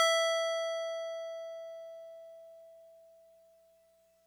<region> pitch_keycenter=88 lokey=87 hikey=90 volume=11.539914 lovel=66 hivel=99 ampeg_attack=0.004000 ampeg_release=0.100000 sample=Electrophones/TX81Z/FM Piano/FMPiano_E5_vl2.wav